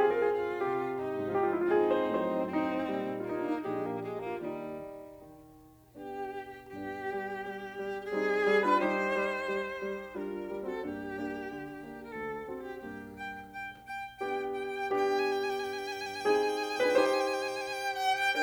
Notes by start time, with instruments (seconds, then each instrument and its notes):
0.00 piano C3 G4
0.09 piano G#4
0.17 piano A#4
0.26 piano G#4
0.35 violin F4
0.67 piano C2 G4
1.02 violin D#4
1.40 piano G#2 F3 F4
1.46 piano G4
1.52 piano F4
1.59 piano E4
1.68 piano F4
1.78 violin C4 D#4, piano G#4
1.97 piano C5
2.15 piano A2 F#3 C5
2.52 violin C4, piano D#4
2.89 piano A#2 G3
3.20 violin A#3, piano F4
3.30 piano D#4
3.39 piano D4
3.48 piano D#4
3.56 piano A#1 A#2 D4 G4, violin G#3
3.76 violin A#3
3.94 violin G#3
4.13 violin A#3, piano F4
4.32 piano D#2 D#4, violin G3
5.07 piano D#3
5.96 piano B3 D4, violin G4
6.70 piano G2 B3 D4, violin G4
6.98 piano G3
7.33 piano G3
7.72 piano G3
8.09 piano G3 C4 D#4, violin G#4
8.44 piano G3
8.63 piano D4 F4, violin B4
8.80 piano G3 D#4 G4, violin C5
9.11 piano G3
9.46 piano G3
9.81 piano G3
10.14 piano G3 D4 F4, violin A#4
10.48 piano G3
10.63 piano C4 F#4, violin A4
10.81 piano G2 A#3 D4 G4, violin G4
11.16 piano A#3 D4
11.54 piano D3
11.77 piano A#3 D4
11.97 violin A#4
12.06 piano D2, violin A4
12.41 piano C4 D4 F#4
12.56 violin G4
12.76 piano G2 A#3 D4 G4, violin G4
13.11 violin G5
13.50 violin G5
13.89 violin G5
14.21 piano B3 D4 G4, violin G5
14.50 violin G5
14.92 piano B3 D4 G4, violin G5
15.00 violin G#5
15.07 violin G5
15.15 violin G#5
15.22 violin G5
15.30 violin G#5
15.37 violin G5
15.44 violin G#5
15.49 violin G5
15.55 violin G#5
15.62 violin G5
15.67 violin G#5
15.74 violin G5
15.80 violin G#5
15.86 violin G5
15.93 violin G#5
15.99 violin G5
16.06 violin G#5
16.10 violin G5
16.16 violin G#5
16.21 violin G5 G#5
16.28 piano C4 D#4 G#4, violin G5
16.35 violin G#5
16.40 violin G5
16.46 violin G#5
16.53 violin G5
16.59 violin G#5
16.64 violin G5
16.68 violin G#5
16.74 violin G5
16.80 piano D4 F4 B4, violin G#5
16.86 violin G5
16.90 violin G#5
16.97 piano D#4 G4 C5, violin G5
17.03 violin G#5
17.10 violin G5
17.16 violin G#5
17.22 violin G5
17.29 violin G#5
17.35 violin G5
17.41 violin G#5
17.47 violin G5
17.53 violin G#5
17.60 violin G5
17.66 violin G#5
17.72 violin G5
17.79 violin G#5
17.84 violin G5
17.91 violin G#5
18.01 violin G5
18.09 violin F#5
18.25 violin G5